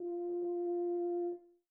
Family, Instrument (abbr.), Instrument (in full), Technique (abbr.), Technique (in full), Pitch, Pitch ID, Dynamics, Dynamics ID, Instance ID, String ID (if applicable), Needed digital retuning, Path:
Brass, BTb, Bass Tuba, ord, ordinario, F4, 65, pp, 0, 0, , FALSE, Brass/Bass_Tuba/ordinario/BTb-ord-F4-pp-N-N.wav